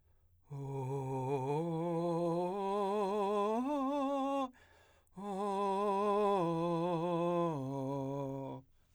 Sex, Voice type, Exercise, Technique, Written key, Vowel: male, , arpeggios, breathy, , o